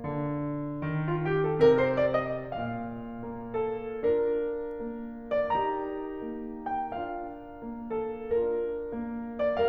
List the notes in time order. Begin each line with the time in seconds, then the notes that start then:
0.00 D3
0.88 D#3
1.08 F4
1.27 G4
1.47 A4
1.66 C3 A#4
1.83 C5
1.99 D5
2.16 D#5
2.43 A#2 F5
3.25 A#3
3.58 A4
4.13 D4 F4 A#4
4.82 A#3
5.36 D5
5.55 D#4 G4 A#4 A#5
6.29 A#3
6.78 G5
6.94 D4 F4 F5
7.56 A#3
7.92 A4
8.44 D4 F4 A#4
9.07 A#3
9.51 D5